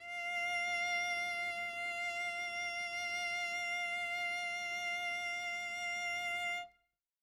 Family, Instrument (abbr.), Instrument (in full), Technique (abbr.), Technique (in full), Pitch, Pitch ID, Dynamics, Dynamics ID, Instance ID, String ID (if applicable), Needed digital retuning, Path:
Strings, Vc, Cello, ord, ordinario, F5, 77, mf, 2, 0, 1, FALSE, Strings/Violoncello/ordinario/Vc-ord-F5-mf-1c-N.wav